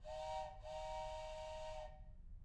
<region> pitch_keycenter=60 lokey=60 hikey=60 volume=15.000000 ampeg_attack=0.004000 ampeg_release=30.000000 sample=Aerophones/Edge-blown Aerophones/Train Whistle, Toy/Main_TrainLow_Double-001.wav